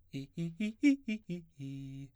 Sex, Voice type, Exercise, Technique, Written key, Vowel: male, baritone, arpeggios, fast/articulated piano, C major, i